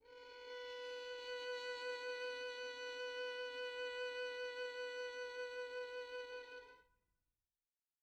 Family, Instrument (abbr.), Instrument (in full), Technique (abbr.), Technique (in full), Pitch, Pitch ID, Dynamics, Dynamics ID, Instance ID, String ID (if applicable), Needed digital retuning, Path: Strings, Vn, Violin, ord, ordinario, B4, 71, pp, 0, 3, 4, FALSE, Strings/Violin/ordinario/Vn-ord-B4-pp-4c-N.wav